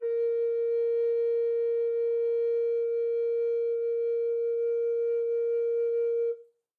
<region> pitch_keycenter=70 lokey=70 hikey=71 volume=11.293359 offset=235 ampeg_attack=0.004000 ampeg_release=0.300000 sample=Aerophones/Edge-blown Aerophones/Baroque Bass Recorder/Sustain/BassRecorder_Sus_A#3_rr1_Main.wav